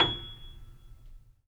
<region> pitch_keycenter=104 lokey=104 hikey=108 volume=-1.968885 lovel=0 hivel=65 locc64=0 hicc64=64 ampeg_attack=0.004000 ampeg_release=10.000000 sample=Chordophones/Zithers/Grand Piano, Steinway B/NoSus/Piano_NoSus_Close_G#7_vl2_rr1.wav